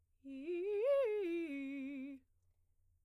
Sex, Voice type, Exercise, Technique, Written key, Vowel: female, soprano, arpeggios, fast/articulated piano, C major, i